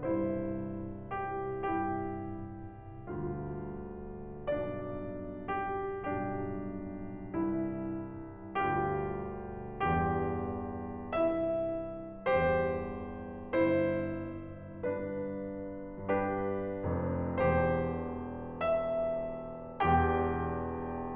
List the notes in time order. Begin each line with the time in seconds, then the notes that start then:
0.01 C2 G2 E4 C5
1.14 G4
1.70 C2 G2 E4 G4
3.12 D2 G2 F4
4.63 C2 G2 D4 D5
5.57 G4
6.06 B1 G2 D4 G4
7.36 C2 G2 E4
8.52 D2 G2 F4 G4
9.83 E2 G2 G4
11.16 C2 G2 E4 E5
12.29 E2 G2 G4 C5
13.75 G1 E4 C5
14.83 G2 D4 B4
16.07 G2 D4 G4 B4
16.95 F1 F2
17.39 E1 E2 G4 C5
18.67 E5
19.82 E1 E2 G4 G5